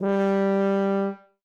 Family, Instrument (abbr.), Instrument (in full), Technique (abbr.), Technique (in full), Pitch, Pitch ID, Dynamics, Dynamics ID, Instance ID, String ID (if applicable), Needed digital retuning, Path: Brass, BTb, Bass Tuba, ord, ordinario, G3, 55, ff, 4, 0, , TRUE, Brass/Bass_Tuba/ordinario/BTb-ord-G3-ff-N-T14u.wav